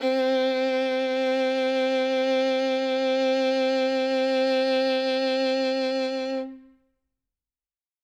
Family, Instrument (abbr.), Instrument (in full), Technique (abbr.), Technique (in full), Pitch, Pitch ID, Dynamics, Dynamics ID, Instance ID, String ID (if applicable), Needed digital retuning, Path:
Strings, Vn, Violin, ord, ordinario, C4, 60, ff, 4, 3, 4, FALSE, Strings/Violin/ordinario/Vn-ord-C4-ff-4c-N.wav